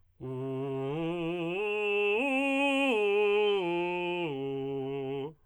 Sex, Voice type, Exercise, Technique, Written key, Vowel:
male, tenor, arpeggios, belt, , u